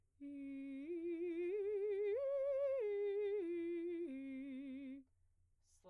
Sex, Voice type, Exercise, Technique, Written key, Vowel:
female, soprano, arpeggios, slow/legato piano, C major, i